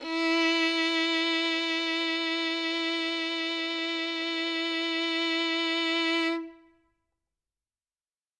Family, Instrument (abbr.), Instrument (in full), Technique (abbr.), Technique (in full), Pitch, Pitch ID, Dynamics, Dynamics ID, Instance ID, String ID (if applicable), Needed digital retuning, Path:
Strings, Vn, Violin, ord, ordinario, E4, 64, ff, 4, 3, 4, FALSE, Strings/Violin/ordinario/Vn-ord-E4-ff-4c-N.wav